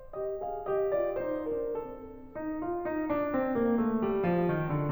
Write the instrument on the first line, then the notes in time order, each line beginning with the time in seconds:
piano
0.17 G4 D#5
0.43 G#4 F5
0.70 G4 D#5
0.94 F4 D5
1.13 D#4 C5
1.47 D4 A#4
1.70 C4 A4
2.33 D#4
2.62 F4
2.85 D#4
3.11 D4
3.34 C4
3.57 A#3
3.80 A3
4.01 G3
4.23 F3
4.51 D#3
4.71 D3